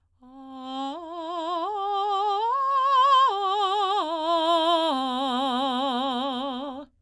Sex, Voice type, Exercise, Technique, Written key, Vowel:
female, soprano, arpeggios, slow/legato forte, C major, a